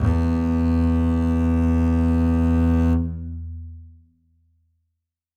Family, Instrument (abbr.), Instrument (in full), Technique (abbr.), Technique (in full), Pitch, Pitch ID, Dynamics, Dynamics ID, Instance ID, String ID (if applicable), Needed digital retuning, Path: Strings, Cb, Contrabass, ord, ordinario, E2, 40, ff, 4, 2, 3, FALSE, Strings/Contrabass/ordinario/Cb-ord-E2-ff-3c-N.wav